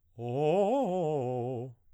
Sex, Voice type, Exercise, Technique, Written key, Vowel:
male, baritone, arpeggios, fast/articulated piano, C major, o